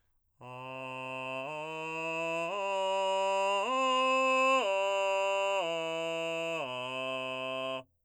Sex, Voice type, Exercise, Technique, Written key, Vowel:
male, , arpeggios, straight tone, , a